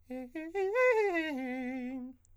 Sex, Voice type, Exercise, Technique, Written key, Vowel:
male, countertenor, arpeggios, fast/articulated forte, C major, e